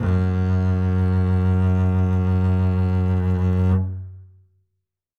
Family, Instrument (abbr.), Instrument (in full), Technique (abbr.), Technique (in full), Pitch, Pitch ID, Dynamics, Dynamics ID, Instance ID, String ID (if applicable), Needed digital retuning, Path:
Strings, Cb, Contrabass, ord, ordinario, F#2, 42, ff, 4, 3, 4, TRUE, Strings/Contrabass/ordinario/Cb-ord-F#2-ff-4c-T31u.wav